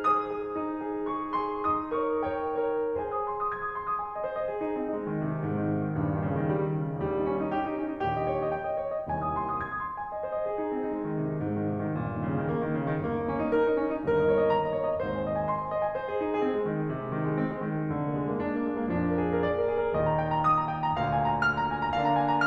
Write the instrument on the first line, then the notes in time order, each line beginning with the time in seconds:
piano
0.00 G#4 C5 D#6
0.22 G#4 C5
0.53 D#4
0.87 G#4 C5
1.08 G#4 C5 C#6
1.34 G#4 C5 C6
1.64 D#4 D#6
1.97 A#4 C#5 C#6
2.29 A#4 C#5 G5
2.72 A#4 C#5
3.05 G#4 C5 G#5
3.18 D#6
3.31 C6
3.42 D#6
3.56 G#6
3.68 D#6
3.78 C6
3.91 D#6
4.04 G#5
4.16 D#5
4.24 C5
4.40 D#5
4.53 G#4
4.63 D#4
4.76 C4
4.88 D#4
4.97 G#3
5.12 D#3
5.24 C3
5.34 D#3
5.47 G#2
5.60 D#3
5.70 C3
5.83 D#3
5.96 A#1 D#2 G2 A#2
6.08 D#3
6.23 C#3
6.34 D#3
6.47 G3
6.57 D#3
6.77 C#3
6.87 D#3
7.02 A#1 D#2 A#2 G3
7.15 D#4
7.28 C#4
7.43 D#4
7.55 G4
7.66 D#4
7.81 C#4
7.93 D#4
8.08 A#1 D#2 A#2 G4
8.21 D#5
8.32 C#5
8.43 D#5
8.52 G5
8.66 D#5
8.75 C#5
8.95 D#5
9.09 C2 D#2 C3 G#5
9.23 D#6
9.37 C6
9.45 D#6
9.64 G#6
9.71 D#6
9.81 C6
9.90 D#6
10.03 G#5
10.17 D#5
10.29 C5
10.39 D#5
10.53 G#4
10.66 D#4
10.76 C4
10.87 D#4
10.97 G#3
11.11 D#3
11.24 C3
11.35 D#3
11.45 G#2
11.58 D#3
11.73 C3
11.83 D#3
11.94 G1 D#2 G2 A#2
12.05 D#3
12.19 C#3
12.29 D#3
12.40 G3
12.50 D#3
12.75 C#3
12.92 D#3
13.03 G1 D#2 G2 A#3
13.14 D#4
13.26 C#4
13.37 D#4
13.48 G4
13.63 D#4
13.80 C#4
13.92 D#4
14.11 G1 D#2 G2 A#4
14.21 D#5
14.30 C#5
14.43 D#5
14.54 G5
14.64 D#5
14.76 C#5
14.86 D#5
15.03 G#1 D#2 G#2 C5
15.15 G#5
15.26 D#5
15.35 G#5
15.51 C6
15.63 G#5
15.75 D#5
15.86 G#5
15.96 C5
16.11 G#4
16.23 D#4
16.34 G#4
16.46 C4
16.58 G#3
16.73 D#3
16.83 G#3
16.95 C3
17.10 G#3
17.22 D#3
17.31 G#3
17.38 C4
17.52 G#3
17.66 D#3
17.80 G#3
17.91 F1 F2 D3
18.08 A#3
18.20 G#3
18.30 A#3
18.40 D4
18.54 A#3
18.66 G#3
18.81 A#3
18.91 F2 A#2 F3 D4
19.04 A#4
19.21 G#4
19.35 A#4
19.46 D5
19.56 A#4
19.69 G#4
19.83 A#4
19.93 D#2 A#2 D#3 D#5
20.04 A#5
20.15 G5
20.32 A#5
20.46 D#6
20.67 A#5
20.77 G5
20.87 A#5
21.01 D2 A#2 D3 F5
21.13 A#5
21.25 G#5
21.35 A#5
21.52 F6
21.64 A#5
21.76 G#5
21.86 A#5
21.98 D3 A#3 D4 F5
22.11 A#5
22.24 G#5
22.36 A#5